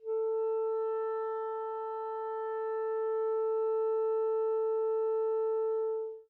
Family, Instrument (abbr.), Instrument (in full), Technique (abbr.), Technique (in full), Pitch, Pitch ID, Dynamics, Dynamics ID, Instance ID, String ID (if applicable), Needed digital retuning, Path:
Winds, ClBb, Clarinet in Bb, ord, ordinario, A4, 69, mf, 2, 0, , FALSE, Winds/Clarinet_Bb/ordinario/ClBb-ord-A4-mf-N-N.wav